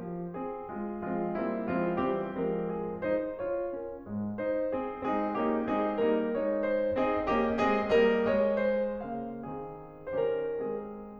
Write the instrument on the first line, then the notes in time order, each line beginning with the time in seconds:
piano
0.00 F3
0.35 C4 G#4
0.73 G#3 F4
1.10 F3 G#3 C4 F4
1.36 G3 A#3 C4 E4
1.70 F3 G#3 C4 F4
2.01 E3 G3 C4 G4
2.43 F3 G#3 C4 A#4
2.73 G#4
3.02 D#4 C5
3.39 F4 C#5
3.74 C#4 A#4
4.03 G#2 G#3
4.42 D#4 C5
4.73 C4 G#4
5.13 G#3 C4 D#4 G#4
5.42 A#3 C#4 D#4 G4
5.71 G#3 C4 D#4 G#4
6.03 G3 A#3 D#4 A#4
6.35 G#3 C4 D#4 C#5
6.78 C5
7.11 C4 D#4 G#4 D#5
7.36 A#3 C#4 G4 D#5
7.65 G#3 C4 G#4 D#5
7.98 G3 A#3 A#4 D#5
8.31 G#3 C#5 D#5
8.63 C5
9.03 C#3 A#3 F5
9.49 D#3 C4 G#4
10.18 D#3 C#4 G4 C5
10.37 A#4
10.62 G#3 C4 G#4